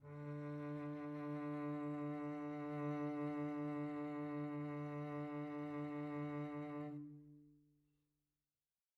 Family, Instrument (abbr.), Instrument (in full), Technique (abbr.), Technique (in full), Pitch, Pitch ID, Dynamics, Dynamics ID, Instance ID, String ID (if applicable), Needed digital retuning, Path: Strings, Vc, Cello, ord, ordinario, D3, 50, pp, 0, 3, 4, FALSE, Strings/Violoncello/ordinario/Vc-ord-D3-pp-4c-N.wav